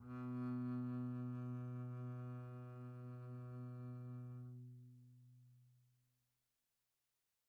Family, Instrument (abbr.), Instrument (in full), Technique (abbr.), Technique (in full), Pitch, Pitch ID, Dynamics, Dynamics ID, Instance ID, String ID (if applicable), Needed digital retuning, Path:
Strings, Cb, Contrabass, ord, ordinario, B2, 47, pp, 0, 0, 1, FALSE, Strings/Contrabass/ordinario/Cb-ord-B2-pp-1c-N.wav